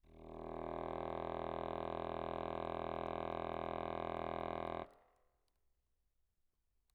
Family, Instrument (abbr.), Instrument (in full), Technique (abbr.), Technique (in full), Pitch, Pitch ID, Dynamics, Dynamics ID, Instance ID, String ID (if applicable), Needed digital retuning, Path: Keyboards, Acc, Accordion, ord, ordinario, E1, 28, mf, 2, 0, , TRUE, Keyboards/Accordion/ordinario/Acc-ord-E1-mf-N-T17u.wav